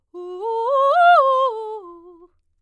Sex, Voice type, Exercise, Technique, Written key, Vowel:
female, soprano, arpeggios, fast/articulated forte, F major, u